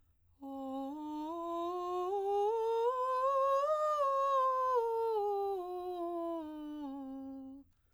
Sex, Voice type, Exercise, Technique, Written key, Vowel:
female, soprano, scales, breathy, , o